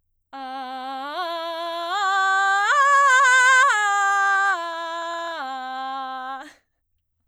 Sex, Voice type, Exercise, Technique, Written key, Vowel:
female, soprano, arpeggios, belt, C major, a